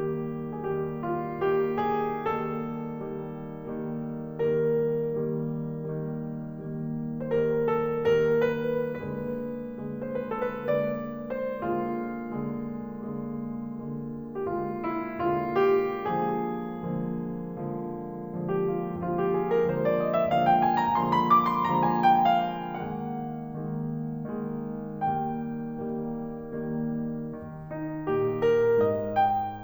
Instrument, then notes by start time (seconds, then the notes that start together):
piano
0.01 D#3 G3 A#3 G4
0.77 D#3 G3 A#3 G#4
0.83 G4
1.03 F4
1.36 D#3 G3 A#3 G4
1.93 G#4
2.28 D#3 G3 A#3 A4
2.92 D#3 G3 A#3
3.70 D#3 G3 A#3
4.55 D#3 G3 A#3 A#4
5.14 D#3 G3 A#3
6.03 D#3 G3 A#3
6.65 D#3 G3 A#3
7.29 D#3 G3 A#3 C5
7.33 A#4
7.70 A4
8.32 D#3 G3 A#3 A#4
8.63 B4
9.06 D3 G#3 A#3 B4
9.96 D3 G#3 A#3 C5
10.12 B4
10.37 A4
10.51 B4
10.66 D3 G#3 A#3 D5
11.43 C5
11.63 D3 G#3 A#3 F4
12.38 D3 G#3 A#3
13.13 D3 G#3 A#3
13.76 D3 G#3 A#3
14.34 D3 G#3 A#3 G4
14.46 F4
14.81 E4
15.19 D3 G#3 A#3 F4
15.53 G4
16.20 D3 F3 G#3 A#3 G#4
16.99 D3 F3 G#3 A#3
17.69 D3 F3 G#3 A#3
18.34 D3 F3 G#3 A#3
18.51 G4
18.69 F4
18.84 E4
18.98 D3 F3 G#3 A#3 F4
19.16 G4
19.32 G#4
19.51 A#4
19.67 D3 F3 G#3 A#3 C5
19.82 D5
19.95 D#5
20.10 E5
20.30 D3 F3 G#3 A#3 F5
20.47 G5
20.64 G#5
20.76 A#5
20.94 D3 F3 G#3 A#3 C6
21.11 A#5
21.25 D6
21.59 C6
21.75 D3 F3 G#3 A#3 A#5
21.89 G#5
22.02 G5
22.20 F5
22.60 D#3 G#3 A#3 F#5
23.57 D#3 G#3 A#3
24.21 D#3 G#3 A#3
24.99 D#3 G3 A#3 G5
25.62 D#3 G3 A#3
26.29 D#3 G3 A#3
27.34 D#3
27.67 D#4
28.09 A#2 G4
28.38 A#4
28.82 G#2 D#5
29.22 G5